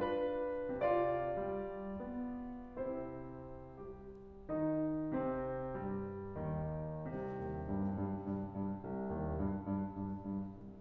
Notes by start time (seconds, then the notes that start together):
0.00 D4 F4 B4
0.82 C3 F4 D5
1.40 G3
2.02 B3
2.82 C3 C4 E4 C5
3.77 G3 G4
4.48 D#3 D#4
5.22 C3 C4
5.86 G2 G3
6.40 D#2 D#3
7.11 C2 C3
7.41 D#2
7.67 G2
7.98 G2
8.27 G2
8.54 G2
8.86 C2
9.15 D#2
9.38 G2
9.74 G2
9.97 G2
10.29 G2
10.60 C2